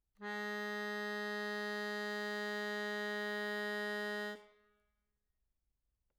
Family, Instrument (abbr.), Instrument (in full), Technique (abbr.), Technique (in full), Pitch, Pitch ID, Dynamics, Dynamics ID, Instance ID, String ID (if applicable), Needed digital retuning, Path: Keyboards, Acc, Accordion, ord, ordinario, G#3, 56, mf, 2, 2, , FALSE, Keyboards/Accordion/ordinario/Acc-ord-G#3-mf-alt2-N.wav